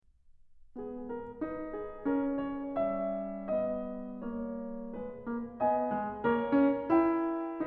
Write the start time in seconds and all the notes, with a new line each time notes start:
0.03 G#3 B3 G#4
1.09 A#4
1.40 D#4 B4
1.69 G#4
2.07 C#4 A#4
2.34 C#5
2.82 G3 E5
3.54 B3 D#5
4.24 A#3 C#5
4.96 G#3 B4
5.28 A#3
5.61 B3 G#5
5.92 G#3
6.25 A#3 A#4 C#5
6.48 C#4
6.88 E4 G5